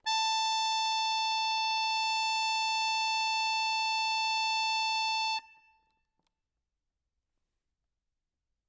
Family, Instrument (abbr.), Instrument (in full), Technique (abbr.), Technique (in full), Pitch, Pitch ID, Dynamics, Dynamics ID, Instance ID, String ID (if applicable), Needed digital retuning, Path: Keyboards, Acc, Accordion, ord, ordinario, A5, 81, ff, 4, 1, , FALSE, Keyboards/Accordion/ordinario/Acc-ord-A5-ff-alt1-N.wav